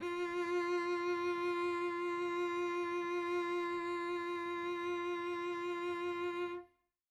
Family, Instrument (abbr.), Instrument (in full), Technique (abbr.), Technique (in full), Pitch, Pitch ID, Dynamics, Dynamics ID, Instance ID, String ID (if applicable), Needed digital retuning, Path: Strings, Vc, Cello, ord, ordinario, F4, 65, mf, 2, 1, 2, FALSE, Strings/Violoncello/ordinario/Vc-ord-F4-mf-2c-N.wav